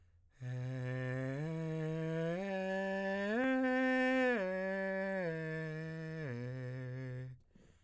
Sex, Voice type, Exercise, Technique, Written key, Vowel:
male, tenor, arpeggios, breathy, , e